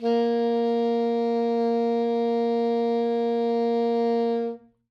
<region> pitch_keycenter=58 lokey=58 hikey=60 tune=-1 volume=10.326551 lovel=0 hivel=83 ampeg_attack=0.004000 ampeg_release=0.500000 sample=Aerophones/Reed Aerophones/Saxello/Non-Vibrato/Saxello_SusNV_MainSpirit_A#2_vl2_rr2.wav